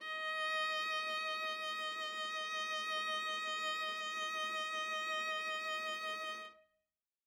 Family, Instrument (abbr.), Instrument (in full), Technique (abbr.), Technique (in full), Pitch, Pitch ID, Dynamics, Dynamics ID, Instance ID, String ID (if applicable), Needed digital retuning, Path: Strings, Va, Viola, ord, ordinario, D#5, 75, ff, 4, 1, 2, FALSE, Strings/Viola/ordinario/Va-ord-D#5-ff-2c-N.wav